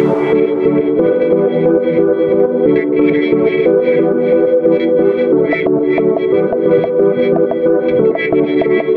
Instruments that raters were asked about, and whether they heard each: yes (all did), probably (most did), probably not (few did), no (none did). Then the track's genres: organ: no
Pop; Folk; Indie-Rock